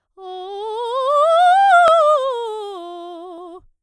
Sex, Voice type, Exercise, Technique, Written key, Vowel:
female, soprano, scales, fast/articulated piano, F major, o